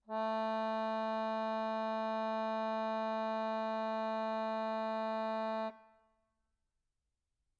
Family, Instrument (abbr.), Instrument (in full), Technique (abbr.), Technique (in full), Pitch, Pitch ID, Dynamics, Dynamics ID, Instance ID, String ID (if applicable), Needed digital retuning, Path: Keyboards, Acc, Accordion, ord, ordinario, A3, 57, mf, 2, 0, , FALSE, Keyboards/Accordion/ordinario/Acc-ord-A3-mf-N-N.wav